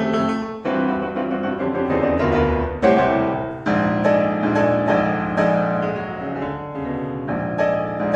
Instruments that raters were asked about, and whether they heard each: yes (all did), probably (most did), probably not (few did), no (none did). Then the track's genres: piano: yes
cymbals: no
Classical; Composed Music